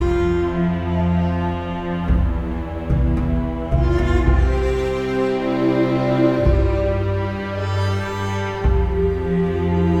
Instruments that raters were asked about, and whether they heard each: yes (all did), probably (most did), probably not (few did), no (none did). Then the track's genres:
cello: yes
Soundtrack; Ambient Electronic; Unclassifiable